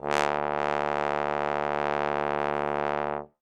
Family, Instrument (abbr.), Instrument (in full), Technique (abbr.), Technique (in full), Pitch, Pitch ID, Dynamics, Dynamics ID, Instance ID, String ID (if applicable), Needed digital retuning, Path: Brass, Tbn, Trombone, ord, ordinario, D2, 38, ff, 4, 0, , TRUE, Brass/Trombone/ordinario/Tbn-ord-D2-ff-N-T37d.wav